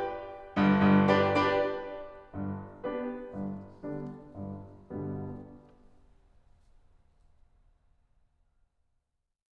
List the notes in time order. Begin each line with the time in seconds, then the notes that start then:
0.57 G1 G2
0.84 G1 G2
1.06 D4 G4 B4 D5
1.28 D4 G4 B4 D5
2.34 G1 G2
2.82 B3 D4 G4 B4
3.24 G1 G2
3.73 D3 G3 B3 D4
4.23 G1 G2
4.88 G1 G2 B2 D3 G3 B3
6.37 G3